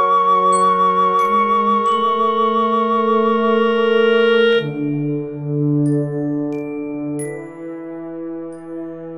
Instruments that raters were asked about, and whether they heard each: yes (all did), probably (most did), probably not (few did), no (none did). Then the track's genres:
clarinet: probably not
mallet percussion: yes
Contemporary Classical